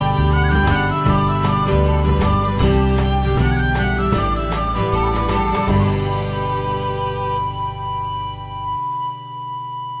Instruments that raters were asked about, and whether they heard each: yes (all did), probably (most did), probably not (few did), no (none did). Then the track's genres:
flute: yes
mandolin: no
Pop; Folk; Indie-Rock